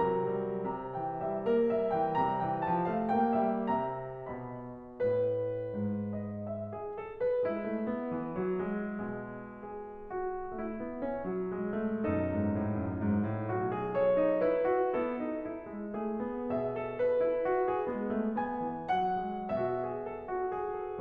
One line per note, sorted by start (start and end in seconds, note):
0.00 0.72 C3
0.00 0.37 F#3
0.00 0.72 A#4
0.00 0.72 A#5
0.39 0.72 G3
0.74 3.73 C3
0.74 0.96 A#5
0.96 1.22 E3
0.96 1.22 G5
1.23 1.47 G3
1.23 1.47 E5
1.50 1.73 A#3
1.50 1.73 A#4
1.73 1.97 G3
1.73 1.97 E5
1.99 2.19 E3
1.99 2.19 G5
2.19 2.43 G3
2.19 2.43 A#5
2.44 2.66 E3
2.44 2.66 G5
2.66 2.87 F3
2.66 2.87 A5
2.88 3.15 A3
2.88 3.15 F5
3.16 3.45 A#3
3.16 3.45 G5
3.46 3.73 G3
3.46 3.73 E5
3.74 4.24 C3
3.74 4.24 E5
3.74 4.24 A#5
4.25 4.96 B2
4.25 4.96 D#5
4.25 4.96 B5
4.97 5.71 A2
4.97 6.16 B4
5.72 7.44 G#2
6.18 6.46 D#5
6.47 6.70 E5
6.71 6.95 G#4
6.97 7.19 A4
7.20 7.44 B4
7.45 7.64 G#3
7.45 9.58 E4
7.66 7.86 A3
7.87 8.10 B3
8.12 8.39 E3
8.43 8.66 F#3
8.67 10.55 G#3
9.06 10.05 B2
9.59 10.05 G#4
10.07 10.55 F#4
10.57 10.81 A3
10.57 12.05 E4
10.82 11.03 B3
11.04 11.25 C#4
11.26 11.53 F#3
11.54 11.83 G#3
11.84 12.05 A3
12.06 12.26 F#2
12.06 12.86 B2
12.06 13.47 D#4
12.06 13.92 A4
12.27 12.45 G#2
12.46 12.65 A2
12.67 12.86 F#2
12.88 13.17 G#2
13.18 13.47 A2
13.49 14.35 B1
13.49 13.64 F#4
13.65 13.92 G#4
13.94 14.14 A4
13.94 14.35 C#5
14.15 14.35 D#4
14.36 14.69 E4
14.36 14.97 B4
14.70 14.97 F#4
14.98 15.20 B3
14.98 15.38 E4
14.98 16.02 A4
15.21 15.38 D#4
15.42 15.66 E4
15.67 16.02 G#3
16.03 16.24 A3
16.03 16.53 G#4
16.25 16.53 B3
16.54 17.41 B2
16.54 16.74 G#4
16.54 18.34 E5
16.75 16.93 A4
16.94 17.17 B4
17.18 17.41 E4
17.43 17.61 F#4
17.62 17.86 G#4
17.87 18.15 G#3
17.87 18.34 B3
18.16 18.34 A3
18.36 18.62 B3
18.36 18.84 G#5
18.63 18.84 E3
18.85 19.20 F#3
18.85 19.46 F#5
19.21 19.46 G#3
19.47 20.46 B2
19.47 19.76 F#4
19.47 21.00 E5
19.77 19.99 G#4
20.00 20.22 A4
20.24 20.46 F#4
20.47 20.78 G#4
20.79 21.00 A4